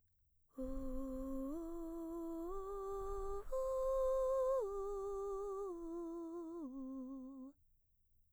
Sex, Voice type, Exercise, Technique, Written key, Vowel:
female, mezzo-soprano, arpeggios, breathy, , u